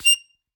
<region> pitch_keycenter=101 lokey=99 hikey=102 volume=1.549506 seq_position=2 seq_length=2 ampeg_attack=0.004000 ampeg_release=0.300000 sample=Aerophones/Free Aerophones/Harmonica-Hohner-Special20-F/Sustains/Stac/Hohner-Special20-F_Stac_F6_rr2.wav